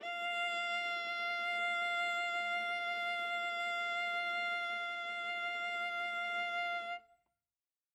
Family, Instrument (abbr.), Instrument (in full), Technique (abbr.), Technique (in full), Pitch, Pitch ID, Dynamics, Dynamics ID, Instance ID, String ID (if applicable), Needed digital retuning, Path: Strings, Va, Viola, ord, ordinario, F5, 77, ff, 4, 2, 3, FALSE, Strings/Viola/ordinario/Va-ord-F5-ff-3c-N.wav